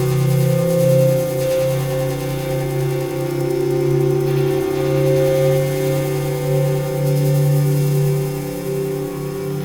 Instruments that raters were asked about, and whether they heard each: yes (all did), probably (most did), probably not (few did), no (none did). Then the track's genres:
bass: no
Noise; Experimental; Ambient Electronic